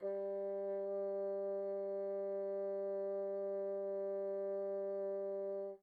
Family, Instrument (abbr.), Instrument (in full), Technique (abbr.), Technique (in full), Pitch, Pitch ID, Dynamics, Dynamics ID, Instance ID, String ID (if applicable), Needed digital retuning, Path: Winds, Bn, Bassoon, ord, ordinario, G3, 55, pp, 0, 0, , FALSE, Winds/Bassoon/ordinario/Bn-ord-G3-pp-N-N.wav